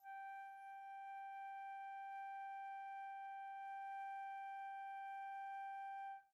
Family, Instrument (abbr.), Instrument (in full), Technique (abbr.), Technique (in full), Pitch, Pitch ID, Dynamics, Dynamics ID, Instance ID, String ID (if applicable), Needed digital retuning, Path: Winds, Fl, Flute, ord, ordinario, G5, 79, pp, 0, 0, , TRUE, Winds/Flute/ordinario/Fl-ord-G5-pp-N-T11u.wav